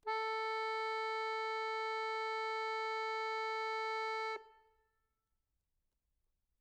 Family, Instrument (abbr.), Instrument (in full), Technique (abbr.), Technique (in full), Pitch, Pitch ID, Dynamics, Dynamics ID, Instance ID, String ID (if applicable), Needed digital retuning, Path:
Keyboards, Acc, Accordion, ord, ordinario, A4, 69, mf, 2, 0, , FALSE, Keyboards/Accordion/ordinario/Acc-ord-A4-mf-N-N.wav